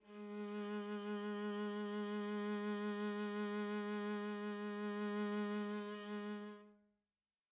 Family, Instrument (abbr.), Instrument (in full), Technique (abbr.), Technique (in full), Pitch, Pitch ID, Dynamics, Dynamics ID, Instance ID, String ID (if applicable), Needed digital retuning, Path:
Strings, Va, Viola, ord, ordinario, G#3, 56, mf, 2, 2, 3, FALSE, Strings/Viola/ordinario/Va-ord-G#3-mf-3c-N.wav